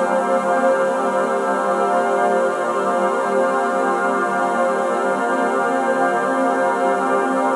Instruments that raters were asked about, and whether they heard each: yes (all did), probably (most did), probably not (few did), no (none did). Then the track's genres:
organ: probably not
Electronic; Experimental; Ambient; Instrumental